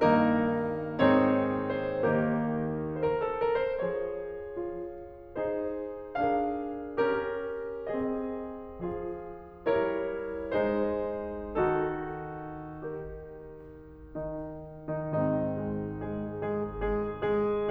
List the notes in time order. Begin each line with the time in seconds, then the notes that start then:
0.01 G2 D#3 A#3 D#4 A#4
1.00 G#2 D#3 C4 D#4 G#4 C#5
1.88 C5
2.08 D#2 D#3 A#3 D#4 G4 A#4
2.99 C5
3.06 A#4
3.19 A4
3.42 A#4
3.62 C5
3.83 F3 G#4 C#5
4.56 F4
5.38 D#4 G#4 C5
6.24 D4 G#4 A#4 F5
7.01 C#4 G4 A#4
7.85 C4 G#4 D#5
8.85 F3 F4 G#4
9.68 G3 E4 A#4 C#5
10.56 G#3 D#4 G#4 C5
11.57 D#3 D#4 F#4 A4
12.83 G4 A#4
13.62 D#3 D#4
14.96 D#3 D#4
15.18 G#2 D#3 C4 D#4
15.61 G#3 G#4
16.02 G#3 G#4
16.52 G#3 G#4
16.88 G#3 G#4
17.24 G#3 G#4